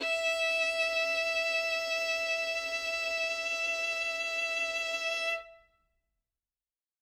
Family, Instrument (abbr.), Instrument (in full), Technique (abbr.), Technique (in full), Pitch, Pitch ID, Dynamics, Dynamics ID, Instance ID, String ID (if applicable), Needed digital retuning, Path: Strings, Vn, Violin, ord, ordinario, E5, 76, ff, 4, 2, 3, FALSE, Strings/Violin/ordinario/Vn-ord-E5-ff-3c-N.wav